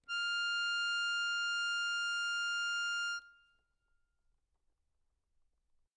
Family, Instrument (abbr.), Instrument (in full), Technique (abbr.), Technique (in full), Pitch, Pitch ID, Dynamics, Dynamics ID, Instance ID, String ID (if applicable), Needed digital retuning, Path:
Keyboards, Acc, Accordion, ord, ordinario, F6, 89, ff, 4, 1, , FALSE, Keyboards/Accordion/ordinario/Acc-ord-F6-ff-alt1-N.wav